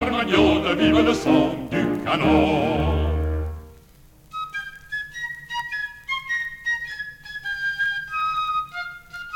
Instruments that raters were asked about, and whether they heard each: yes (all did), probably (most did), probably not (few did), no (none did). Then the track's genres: trumpet: no
flute: probably
clarinet: probably not
Folk; Opera